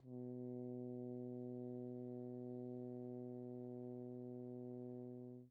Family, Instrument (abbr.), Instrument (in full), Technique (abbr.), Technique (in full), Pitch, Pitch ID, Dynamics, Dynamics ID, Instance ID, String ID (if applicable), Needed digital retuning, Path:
Brass, Hn, French Horn, ord, ordinario, B2, 47, pp, 0, 0, , FALSE, Brass/Horn/ordinario/Hn-ord-B2-pp-N-N.wav